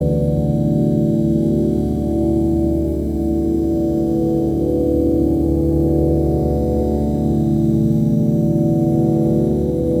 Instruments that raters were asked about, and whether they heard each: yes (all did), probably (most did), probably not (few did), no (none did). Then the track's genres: mandolin: no
saxophone: no
synthesizer: probably
flute: probably not
Ambient Electronic